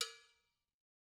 <region> pitch_keycenter=64 lokey=64 hikey=64 volume=12.705018 offset=192 lovel=0 hivel=83 ampeg_attack=0.004000 ampeg_release=15.000000 sample=Idiophones/Struck Idiophones/Cowbells/Cowbell2_Muted_v2_rr1_Mid.wav